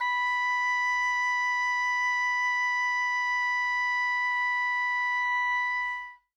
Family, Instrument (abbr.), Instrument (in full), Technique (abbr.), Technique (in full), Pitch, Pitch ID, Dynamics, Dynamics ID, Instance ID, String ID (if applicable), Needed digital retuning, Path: Winds, Ob, Oboe, ord, ordinario, B5, 83, ff, 4, 0, , TRUE, Winds/Oboe/ordinario/Ob-ord-B5-ff-N-T11u.wav